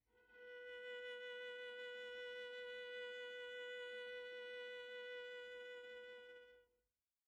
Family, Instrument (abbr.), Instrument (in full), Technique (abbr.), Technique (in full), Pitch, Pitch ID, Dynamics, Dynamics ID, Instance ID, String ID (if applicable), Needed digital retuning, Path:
Strings, Va, Viola, ord, ordinario, B4, 71, pp, 0, 1, 2, FALSE, Strings/Viola/ordinario/Va-ord-B4-pp-2c-N.wav